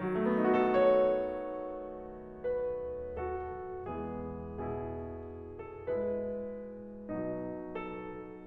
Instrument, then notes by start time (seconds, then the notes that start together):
piano
0.01 D#3
0.09 F#3
0.17 A3
0.25 B3
0.37 D#4
0.49 F#4
0.61 A4
0.73 C#5
2.46 B4
3.19 F#4 A4
3.90 E3 G#3 B3 E4 G#4
4.56 B2 E4 G#4
5.54 A4
5.86 G#3 E4 B4
7.18 B2 F#3 D#4
7.77 A4